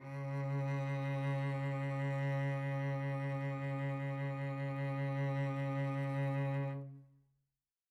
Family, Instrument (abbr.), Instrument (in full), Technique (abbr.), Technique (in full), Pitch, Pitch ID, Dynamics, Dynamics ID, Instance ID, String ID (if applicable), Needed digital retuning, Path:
Strings, Vc, Cello, ord, ordinario, C#3, 49, mf, 2, 2, 3, FALSE, Strings/Violoncello/ordinario/Vc-ord-C#3-mf-3c-N.wav